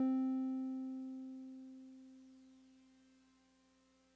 <region> pitch_keycenter=60 lokey=59 hikey=62 volume=21.137998 lovel=0 hivel=65 ampeg_attack=0.004000 ampeg_release=0.100000 sample=Electrophones/TX81Z/Piano 1/Piano 1_C3_vl1.wav